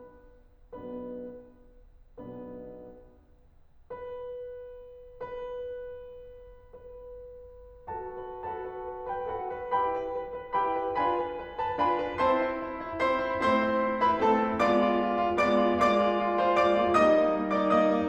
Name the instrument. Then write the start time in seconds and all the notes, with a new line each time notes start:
piano
0.76 B1 B2 B3 D4 B4
2.20 B1 B2 B3 D4 B4
3.92 B4
5.24 B4
6.74 B4
7.89 F#4 A4 B4 A5
8.16 B4
8.40 F#4 A4 B4 A5
8.68 B4
8.90 B4
9.12 B4 G5
9.32 F#4 A4 B4 F#5
9.53 B4
9.71 E4 G4 B4 G5 B5
9.96 B4
10.21 B4
10.37 B4
10.56 E4 G4 B4 G5 B5
10.77 B4
10.97 D4 F4 B4 G#5 B5
11.19 B4
11.42 B4
11.61 B4 A5
11.84 D4 F4 B4 G#5 B5
12.06 B4
12.28 C4 E4 C5 A5 C6
12.49 E4
12.71 E4
12.89 E4
13.08 E4 C5 C6
13.27 E4
13.43 A3 C4 E4 C5 C6
13.65 E4
13.87 E4
14.01 E4 B4 B5
14.21 A3 C4 E4 A4 A5
14.43 E4
14.66 G#3 B3 F4 D5 D6
14.84 F4
15.03 F4
15.15 F4
15.34 G#3 B3 F4 D5 D6
15.65 F4
15.85 G#3 A#3 F4 D5 D6
16.05 F4
16.24 F4
16.42 F4 C5 C6
16.60 G#3 A#3 F4 D5 D6
16.80 F4
16.98 G3 A#3 D#4 D#5 D#6
17.17 G3 A#3 D#4
17.33 G3 A#3 D#4
17.55 G3 A#3 D#4 D5 D6
17.74 G3 A#3 D#4 D#5 D#6
17.90 G3 A#3 D#4